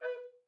<region> pitch_keycenter=71 lokey=71 hikey=71 tune=-11 volume=16.557256 offset=320 ampeg_attack=0.004000 ampeg_release=10.000000 sample=Aerophones/Edge-blown Aerophones/Baroque Bass Recorder/Staccato/BassRecorder_Stac_B3_rr1_Main.wav